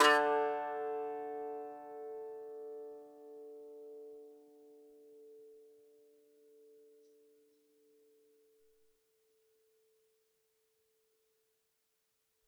<region> pitch_keycenter=50 lokey=48 hikey=51 volume=-3.763252 lovel=100 hivel=127 ampeg_attack=0.004000 ampeg_release=15.000000 sample=Chordophones/Composite Chordophones/Strumstick/Finger/Strumstick_Finger_Str1_Main_D2_vl3_rr1.wav